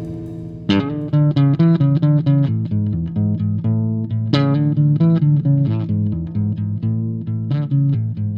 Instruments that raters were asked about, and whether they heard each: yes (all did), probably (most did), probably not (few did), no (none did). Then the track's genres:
drums: no
bass: probably
Jazz; Rock; Instrumental